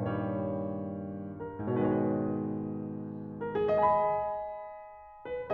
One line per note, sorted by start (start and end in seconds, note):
0.00 1.53 G2
0.00 1.53 A#2
0.07 1.53 D#3
0.07 1.28 C#5
0.12 1.53 G3
1.28 1.71 A#4
1.59 3.68 G#2
1.66 3.68 B2
1.71 3.68 D#3
1.71 1.78 C#5
1.76 3.68 G#3
1.76 1.86 B4
1.85 1.94 C#5
1.93 2.01 B4
2.00 2.09 C#5
2.09 3.39 B4
3.39 3.58 A#4
3.58 3.75 G#4
3.75 5.47 D#5
3.80 5.47 G#5
3.90 5.47 B5
5.24 5.54 B4